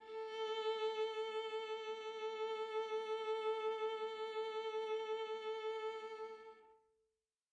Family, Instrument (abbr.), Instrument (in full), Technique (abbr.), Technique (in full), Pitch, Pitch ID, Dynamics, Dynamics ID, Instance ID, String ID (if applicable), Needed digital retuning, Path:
Strings, Va, Viola, ord, ordinario, A4, 69, mf, 2, 2, 3, FALSE, Strings/Viola/ordinario/Va-ord-A4-mf-3c-N.wav